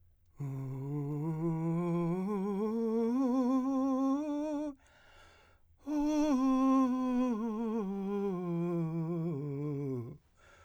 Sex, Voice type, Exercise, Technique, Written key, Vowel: male, , scales, breathy, , u